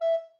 <region> pitch_keycenter=76 lokey=76 hikey=77 tune=-3 volume=11.398430 offset=106 ampeg_attack=0.004000 ampeg_release=10.000000 sample=Aerophones/Edge-blown Aerophones/Baroque Alto Recorder/Staccato/AltRecorder_Stac_E4_rr1_Main.wav